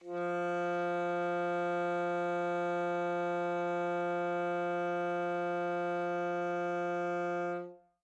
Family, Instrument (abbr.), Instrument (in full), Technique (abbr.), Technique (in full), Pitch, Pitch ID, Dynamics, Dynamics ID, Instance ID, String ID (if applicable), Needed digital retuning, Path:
Winds, ASax, Alto Saxophone, ord, ordinario, F3, 53, mf, 2, 0, , FALSE, Winds/Sax_Alto/ordinario/ASax-ord-F3-mf-N-N.wav